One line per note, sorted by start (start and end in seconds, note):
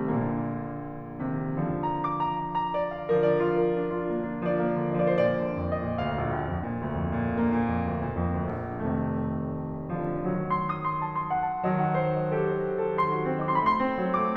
0.00 0.77 A#1
0.00 1.51 A#2
0.00 1.51 D3
0.00 4.48 A#3
1.28 1.51 C3
1.28 1.51 D#3
1.52 3.08 D3
1.52 3.08 F3
1.86 2.10 A#5
2.02 2.25 D6
2.19 2.48 A#5
2.41 2.66 F5
2.59 2.84 A#5
2.77 3.01 D5
2.91 3.16 F5
3.09 4.48 D3
3.09 4.48 F3
3.09 3.31 A#4
3.25 3.51 D5
3.42 3.62 F4
3.58 3.78 A#4
3.74 3.99 D4
3.89 4.19 F4
4.09 4.40 A#3
4.31 4.48 D4
4.49 4.73 F3
4.49 5.38 D5
4.66 4.92 A#3
4.83 5.14 D3
4.99 5.32 F3
5.22 5.46 A#2
5.39 5.64 D3
5.39 5.47 D#5
5.45 5.51 D5
5.49 5.56 C5
5.54 5.90 F2
5.54 5.94 D5
5.77 6.06 A#2
5.77 5.99 D#5
6.00 6.21 D2
6.00 7.33 F5
6.15 6.40 A#1
6.33 6.58 D2
6.48 6.72 F2
6.66 6.91 A#2
6.83 7.09 D2
7.00 7.27 F2
7.20 7.42 A#2
7.34 7.59 D3
7.34 8.84 A#3
7.48 7.78 A#2
7.66 7.95 F2
7.84 8.10 D2
8.02 8.31 A#2
8.17 8.48 F2
8.39 8.74 D2
8.64 8.84 A#1
8.85 9.53 F1
8.85 10.24 C3
8.85 10.24 D#3
8.85 12.93 A3
10.07 10.24 D3
10.07 10.24 F3
10.25 11.63 D#3
10.25 11.63 F#3
10.41 10.68 C6
10.55 10.82 D#6
10.72 10.99 C6
10.91 11.25 A5
11.17 11.40 C6
11.34 11.56 F#5
11.51 11.73 A5
11.66 12.93 D#3
11.66 12.93 F#3
11.66 11.91 D#5
11.84 12.06 F#5
11.98 12.26 C5
12.14 12.40 D#5
12.33 12.55 A4
12.47 12.71 C5
12.62 12.89 F#4
12.79 13.06 A4
12.95 13.18 D#4
12.95 13.78 C6
13.11 13.36 F#4
13.28 13.57 C4
13.46 13.70 D#4
13.65 13.93 A3
13.79 14.06 C4
13.79 13.91 D6
13.89 13.94 C6
13.93 14.29 F#3
13.93 14.00 B5
13.93 14.29 C6
14.16 14.37 A3
14.16 14.36 D6